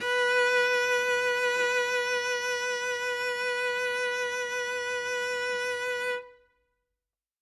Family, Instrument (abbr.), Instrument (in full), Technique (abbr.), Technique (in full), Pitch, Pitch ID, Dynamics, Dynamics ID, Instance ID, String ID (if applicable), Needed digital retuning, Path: Strings, Vc, Cello, ord, ordinario, B4, 71, ff, 4, 0, 1, FALSE, Strings/Violoncello/ordinario/Vc-ord-B4-ff-1c-N.wav